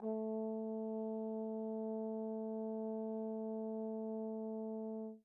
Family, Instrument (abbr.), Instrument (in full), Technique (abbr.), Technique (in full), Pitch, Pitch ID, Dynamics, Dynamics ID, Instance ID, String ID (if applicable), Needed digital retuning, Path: Brass, Tbn, Trombone, ord, ordinario, A3, 57, pp, 0, 0, , TRUE, Brass/Trombone/ordinario/Tbn-ord-A3-pp-N-T14u.wav